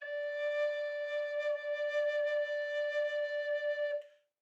<region> pitch_keycenter=74 lokey=74 hikey=75 tune=-4 volume=19.553958 offset=502 ampeg_attack=0.004000 ampeg_release=0.300000 sample=Aerophones/Edge-blown Aerophones/Baroque Bass Recorder/SusVib/BassRecorder_SusVib_D4_rr1_Main.wav